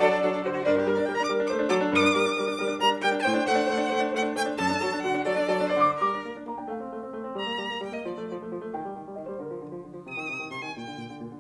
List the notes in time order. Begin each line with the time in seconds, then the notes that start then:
0.00 F#3 D4 A4 D5
0.13 D4 A4
0.22 F#3 D4 A4
0.31 D4 A4
0.42 D3 F#4 C5
0.55 F#4
0.65 G2 D4 A#4
0.75 D4 G4
0.85 G3 A#4
0.96 D4 D5
1.08 G3 A#4 G5
1.17 D4 A#5
1.32 G3 A#4 D6
1.42 D4
1.52 A3 C5 D6
1.68 D4
1.78 F#3 A#4 D6
1.90 D4
2.00 G2 A#4 D6
2.10 D4
2.19 G3 A#4
2.28 D4
2.38 G3 A#4
2.48 D4
2.59 G3 A#4
2.68 D4
2.77 G3 A#4 A#5
2.89 D4
2.98 G3 A#4 G5
3.09 D4
3.16 A5
3.20 A2 C5 G5
3.30 D4
3.41 A3 C5 F#5
3.51 D4
3.60 A3 C5
3.70 D4
3.80 A3 C5
3.91 D4
4.02 A3 C5 F#5
4.11 D4
4.26 A3 C5 G5
4.46 D4
4.59 F#2 A4 A5
4.68 D4
4.77 F#3 A4
4.88 D4
4.97 D3 A4 F#5
5.07 D4
5.25 F#3 A4 D5
5.36 D4
5.49 F#3 A4
5.63 D4
5.74 D3 C5 D5
5.84 D6
6.00 A#3 A#4 D6
6.12 D4
6.22 A#3
6.37 D4
6.48 A#3 A#5
6.57 D4 G5
6.70 A3 F5
6.83 C4
6.93 A3
7.06 C4
7.15 A3
7.24 C4
7.36 G3 A#5
7.48 A#3
7.59 G3
7.69 A#3
7.78 G3 G5
7.92 A#3 D#5
8.03 F3 D5
8.14 A3
8.24 F3
8.38 A3
8.52 F3
8.64 A3
8.74 D#3 G5
8.88 G3
8.97 D#3
9.08 G3
9.17 D#3 D#5
9.26 G3 C5
9.39 D3 A#4
9.49 F3
9.59 D3
9.69 F3
9.80 D3
9.90 F3
10.00 C3 D#6
10.17 D#3
10.26 C3
10.38 D#3
10.54 C3 C6
10.63 D#3 G#5
10.77 A#2 G5
10.87 D3
10.96 A#2
11.11 D3
11.20 A#2
11.31 D3